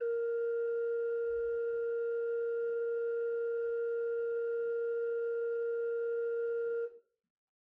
<region> pitch_keycenter=70 lokey=70 hikey=71 offset=11 ampeg_attack=0.004000 ampeg_release=0.300000 amp_veltrack=0 sample=Aerophones/Edge-blown Aerophones/Renaissance Organ/8'/RenOrgan_8foot_Room_A#3_rr1.wav